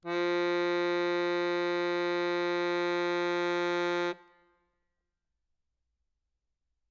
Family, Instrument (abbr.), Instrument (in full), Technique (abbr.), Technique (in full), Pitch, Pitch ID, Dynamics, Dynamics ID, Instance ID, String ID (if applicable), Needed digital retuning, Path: Keyboards, Acc, Accordion, ord, ordinario, F3, 53, ff, 4, 1, , FALSE, Keyboards/Accordion/ordinario/Acc-ord-F3-ff-alt1-N.wav